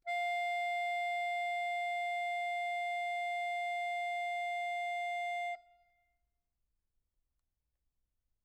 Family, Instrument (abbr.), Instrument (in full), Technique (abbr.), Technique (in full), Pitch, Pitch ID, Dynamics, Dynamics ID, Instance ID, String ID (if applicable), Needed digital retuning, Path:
Keyboards, Acc, Accordion, ord, ordinario, F5, 77, mf, 2, 1, , FALSE, Keyboards/Accordion/ordinario/Acc-ord-F5-mf-alt1-N.wav